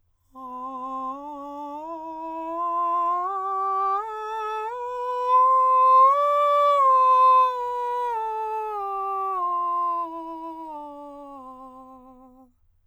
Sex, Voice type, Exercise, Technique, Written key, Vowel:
male, countertenor, scales, straight tone, , a